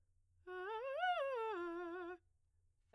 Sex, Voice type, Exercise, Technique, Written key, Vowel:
female, soprano, arpeggios, fast/articulated piano, F major, e